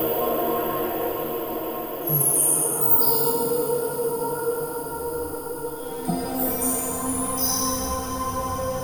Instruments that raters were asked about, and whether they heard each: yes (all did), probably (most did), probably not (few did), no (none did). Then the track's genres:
voice: probably not
Experimental; Ambient